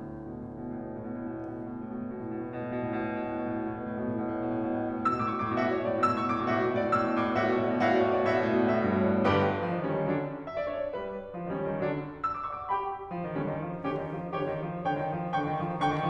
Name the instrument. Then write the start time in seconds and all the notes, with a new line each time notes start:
piano
0.00 D2 A2
0.15 B2
0.44 A2
1.38 B2
1.59 A2
1.82 B2
1.89 A2
1.96 B2
2.04 A2
2.21 B2
2.28 A2
2.37 B2
2.51 A2
2.58 B2
2.65 A2
2.72 B2
2.83 A2
2.91 B2
3.00 A2
3.08 B2
3.15 A2
3.22 B2
3.29 A2
3.36 B2
3.49 A2
3.58 B2
3.83 A2
3.91 B2
4.01 A2
4.09 B2
4.17 A2
4.34 B2
4.46 A2
4.53 B2
4.57 A2
4.63 B2
4.71 A2
4.82 B2
4.88 A2
4.95 B2
5.00 A2 E6
5.06 B2
5.12 A2 D6
5.18 B2
5.27 A2 C#6
5.35 B2
5.42 A2 D6
5.48 B2
5.53 A2 F#4 E5
5.58 B2
5.64 A2 D5
5.70 B2
5.75 A2 C#5
5.80 A2 B2 D5
5.90 B2
5.96 A2 E6
6.05 B2
6.11 A2 D6
6.19 B2
6.25 A2 C#6
6.30 B2
6.35 A2 D6
6.44 B2
6.50 A2 F#4 E5
6.56 A2 B2 D5
6.64 B2
6.70 A2 C#5
6.76 B2
6.82 A2 D5
6.86 B2
6.92 A2 E6
6.98 B2
7.04 A2 D6
7.09 B2
7.14 A2 C#6
7.20 B2
7.27 A2 D6
7.33 B2
7.37 A2 F#4 E5
7.43 B2
7.50 A2 D5
7.57 B2
7.63 A2 C#5
7.67 B2
7.73 A2 D5
7.80 B2
7.86 A2 B2 F#4 E5
7.93 A2 D5
7.99 B2
8.05 A2 C#5
8.10 B2
8.16 A2 D5
8.22 B2
8.28 A2 F#4 E5
8.34 B2
8.39 A2 B2 D5
8.49 A2 C#5
8.54 B2
8.60 A2 D5
8.66 B2
8.71 A2 F#4 E5
8.77 B2
8.82 A2 D5
8.88 B2
8.94 A2 C#5
9.00 B2
9.06 G2 D5
9.11 A2
9.17 G1 G2 G4 B4
9.58 F3
9.68 D#3
9.80 D3 G3 C#4
9.95 D#3
10.10 D3 F#3 D4
10.46 E5
10.58 D5
10.69 D4 F#4 C#5
10.82 D5
10.95 G3 G4 B4
11.39 F3
11.53 D#3
11.62 D3 G3 C#4
11.74 D#3
11.82 D3 F#3 D4
12.23 E6
12.39 D6
12.52 D5 F#5 C#6
12.61 D6
12.71 G4 G5 B5
13.12 F3
13.22 D#3
13.37 D3 G3 C#4
13.50 D#3
13.68 F3
13.78 D#3
13.91 D3 C#4 G4
14.04 D#3
14.15 F3
14.27 D#3
14.38 D3 G4 C#5
14.47 D#3
14.63 F3
14.74 D#3
14.86 D3 C#5 G5
14.99 D#3
15.09 F3
15.23 D#3
15.34 D3 G5 C#6
15.50 D#3
15.63 F3
15.73 D#3
15.84 D3 G5 C#6
15.96 D#3